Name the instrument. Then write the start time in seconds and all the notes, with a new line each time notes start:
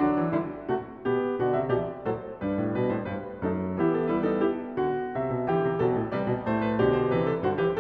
piano
0.00 D3 F#3 D4
0.19 E3
0.34 D3 G3 E4
0.71 C3 A3 F#4
1.03 B2 B3 G4
1.40 B2 D3 F#4
1.45 D5
1.58 C3 E5
1.72 B2 E3 G4 D5
2.05 A2 F#3 A4 C5
2.43 G2 G3 D4 B4
2.61 A2
2.77 B2 B4
2.94 A2 C5
3.11 G2 B4
3.42 F#2 A3 D#4 A4
3.77 E3 B3 E4 G4
3.96 A4
4.09 G3 E4 B4
4.26 D#4 A4
4.42 E4 G4
4.77 D3 F#4
5.11 C3 E5
5.32 B2
5.48 D3 E3 G4 G5
5.64 C3
5.80 B2 F#3 A4
5.97 A2
6.11 C3 G3 B4 D5
6.28 B2
6.47 A2 A3 C5
6.63 B4
6.77 B2 D3 G4 D5
6.92 C5
7.12 C3 E3 B4
7.29 A4
7.44 G2 D3 F#4 C5
7.63 E3 G4
7.67 B4